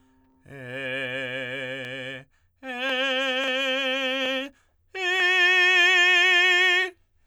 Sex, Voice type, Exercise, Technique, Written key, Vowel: male, tenor, long tones, full voice forte, , e